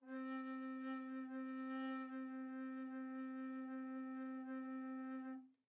<region> pitch_keycenter=60 lokey=60 hikey=61 tune=-3 volume=20.370554 offset=709 ampeg_attack=0.004000 ampeg_release=0.300000 sample=Aerophones/Edge-blown Aerophones/Baroque Bass Recorder/Sustain/BassRecorder_Sus_C3_rr1_Main.wav